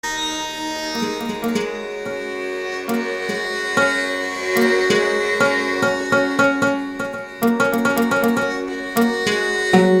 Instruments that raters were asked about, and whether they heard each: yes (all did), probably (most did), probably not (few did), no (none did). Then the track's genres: mandolin: probably not
accordion: yes
ukulele: probably not
banjo: yes
Experimental; Ambient; New Age